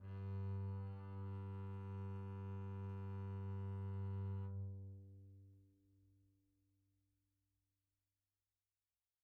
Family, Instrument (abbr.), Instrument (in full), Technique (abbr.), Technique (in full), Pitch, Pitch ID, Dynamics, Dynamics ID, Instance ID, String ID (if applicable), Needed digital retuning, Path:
Strings, Cb, Contrabass, ord, ordinario, G2, 43, pp, 0, 0, 1, FALSE, Strings/Contrabass/ordinario/Cb-ord-G2-pp-1c-N.wav